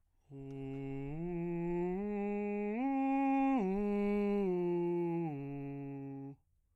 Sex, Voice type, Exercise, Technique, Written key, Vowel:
male, bass, arpeggios, breathy, , u